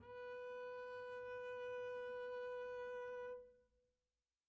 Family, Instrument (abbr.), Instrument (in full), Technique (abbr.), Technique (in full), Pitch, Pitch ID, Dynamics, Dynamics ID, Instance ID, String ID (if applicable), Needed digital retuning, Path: Strings, Cb, Contrabass, ord, ordinario, B4, 71, pp, 0, 0, 1, FALSE, Strings/Contrabass/ordinario/Cb-ord-B4-pp-1c-N.wav